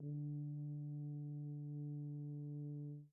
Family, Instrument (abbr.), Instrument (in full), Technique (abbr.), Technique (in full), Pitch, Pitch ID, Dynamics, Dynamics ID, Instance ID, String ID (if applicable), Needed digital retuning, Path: Brass, BTb, Bass Tuba, ord, ordinario, D3, 50, pp, 0, 0, , FALSE, Brass/Bass_Tuba/ordinario/BTb-ord-D3-pp-N-N.wav